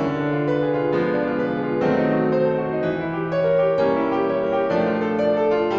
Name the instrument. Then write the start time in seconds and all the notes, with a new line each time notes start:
piano
0.02 D3
0.15 D4
0.34 F4
0.49 B4
0.65 G#4
0.80 F4
0.94 F3 G#3 B3
1.11 D4
1.28 F4
1.43 B4
1.64 G#4
1.87 F4
1.99 D#3 F#3 A3 C4
2.09 D#4
2.23 F#4
2.32 A4
2.47 C5
2.59 A4
2.68 F#4
2.76 D#4
2.87 E3
3.01 E4
3.13 G4
3.29 C#5
3.53 A#4
3.74 G4
3.85 G3 A#3 C#4
4.02 E4
4.18 G4
4.34 C#5
4.50 A#4
4.66 G4
4.78 F3 A3 D4
4.96 F4
5.10 A4
5.24 D5
5.36 A4
5.57 F4